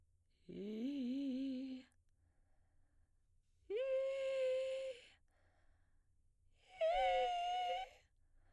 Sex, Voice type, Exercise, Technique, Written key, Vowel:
female, soprano, long tones, inhaled singing, , i